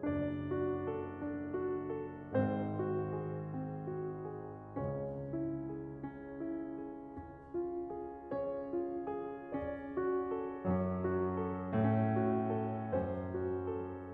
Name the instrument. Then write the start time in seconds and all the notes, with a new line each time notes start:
piano
0.00 F#1 F#2 D4 D5
0.45 F#4
0.84 A4
1.21 D4
1.61 F#4
1.96 A4
2.32 G#1 G#2 C4 C5
2.71 F#4
3.07 G#4
3.45 C4
3.82 F#4
4.21 G#4
4.74 C#2 C#3 C#4 C#5
5.17 E4
5.63 G#4
6.01 C#4
6.35 E4
6.71 G#4
7.07 C#4
7.50 F4
7.91 G#4
8.32 C#4 C#5
8.68 F4
9.10 G#4
9.57 C#4 D5
9.94 F#4
10.32 A4
10.66 F#2 F#3 C#4
11.08 F#4
11.40 A4
11.75 A2 A3 C#4
12.16 F#4
12.56 A4
12.92 F#2 F#3 C#4 C5
13.31 F#4
13.69 A4